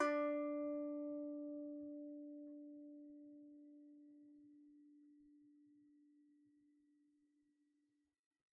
<region> pitch_keycenter=62 lokey=62 hikey=63 volume=7.478954 lovel=66 hivel=99 ampeg_attack=0.004000 ampeg_release=15.000000 sample=Chordophones/Composite Chordophones/Strumstick/Finger/Strumstick_Finger_Str2_Main_D3_vl2_rr1.wav